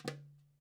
<region> pitch_keycenter=64 lokey=64 hikey=64 volume=6.364652 lovel=84 hivel=127 seq_position=1 seq_length=2 ampeg_attack=0.004000 ampeg_release=30.000000 sample=Membranophones/Struck Membranophones/Darbuka/Darbuka_5_hit_vl2_rr2.wav